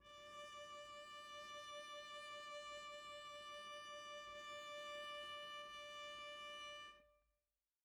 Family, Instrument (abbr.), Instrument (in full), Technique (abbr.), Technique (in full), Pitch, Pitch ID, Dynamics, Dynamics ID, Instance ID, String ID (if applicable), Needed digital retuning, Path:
Strings, Vc, Cello, ord, ordinario, D5, 74, pp, 0, 0, 1, FALSE, Strings/Violoncello/ordinario/Vc-ord-D5-pp-1c-N.wav